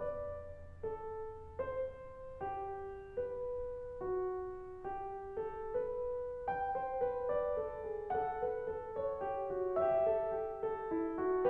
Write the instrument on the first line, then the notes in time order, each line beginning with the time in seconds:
piano
0.01 D5
0.77 A4
1.57 C5
2.41 G4
3.13 B4
4.05 F#4
4.84 G4
5.35 A4
5.69 B4
6.48 G5
6.77 C5
7.02 B4
7.28 D5
7.60 A4
7.87 G#4
8.10 A4 F#5
8.41 B4
8.67 A4
8.95 C#5
9.23 G4
9.47 F#4
9.74 G4 E5
10.08 A4
10.38 G4
10.62 A4
10.91 E4
11.20 F#4